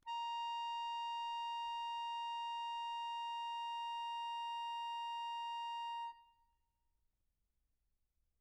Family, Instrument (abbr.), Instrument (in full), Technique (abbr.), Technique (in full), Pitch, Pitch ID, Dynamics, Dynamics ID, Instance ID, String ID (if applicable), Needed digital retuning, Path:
Keyboards, Acc, Accordion, ord, ordinario, A#5, 82, mf, 2, 0, , FALSE, Keyboards/Accordion/ordinario/Acc-ord-A#5-mf-N-N.wav